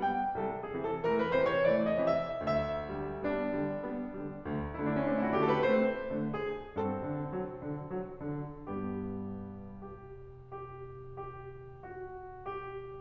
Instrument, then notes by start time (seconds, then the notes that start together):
piano
0.00 G3 B3 G5
0.38 C2 A4
0.53 G#4
0.62 C3 E3
0.72 A4
0.96 E3 A3 A#4
1.14 B4
1.32 C3 E3 C5
1.47 C#5
1.63 E3 A3 D5
1.96 D#5
2.03 C3 E3
2.39 D2 E5
2.91 D3 G3
3.22 G3 B3 D4
3.47 D3 G3
3.73 G3 B3
4.09 D3 G3
4.41 D2
4.78 D3 A3 E4
4.89 D4
4.98 C#4
5.07 A3 C4 D4
5.17 E4
5.25 F#4
5.35 D3 A3 G4
5.46 A4
5.54 B4
5.64 A3 C4 C5
6.13 D3 A3
6.30 F#4
6.77 G2 C4 A4
7.04 D3
7.27 F#3
7.56 D3
7.83 F#3
8.19 D3
8.71 G2 G3 B3 G4
9.87 G4
10.50 G4
11.25 G4
11.84 F#4
12.46 G4